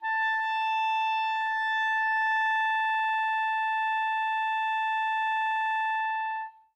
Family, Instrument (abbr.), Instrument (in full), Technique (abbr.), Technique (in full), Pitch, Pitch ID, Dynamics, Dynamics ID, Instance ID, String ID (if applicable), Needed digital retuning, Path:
Winds, ClBb, Clarinet in Bb, ord, ordinario, A5, 81, mf, 2, 0, , FALSE, Winds/Clarinet_Bb/ordinario/ClBb-ord-A5-mf-N-N.wav